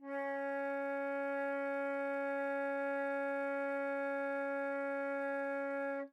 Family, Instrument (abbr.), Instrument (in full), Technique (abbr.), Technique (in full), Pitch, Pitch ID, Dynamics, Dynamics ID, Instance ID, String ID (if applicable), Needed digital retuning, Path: Winds, Fl, Flute, ord, ordinario, C#4, 61, mf, 2, 0, , FALSE, Winds/Flute/ordinario/Fl-ord-C#4-mf-N-N.wav